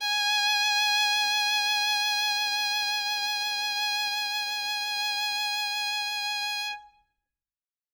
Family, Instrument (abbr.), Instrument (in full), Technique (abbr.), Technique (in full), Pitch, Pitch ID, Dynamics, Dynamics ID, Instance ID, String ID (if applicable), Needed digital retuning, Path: Strings, Vn, Violin, ord, ordinario, G#5, 80, ff, 4, 0, 1, FALSE, Strings/Violin/ordinario/Vn-ord-G#5-ff-1c-N.wav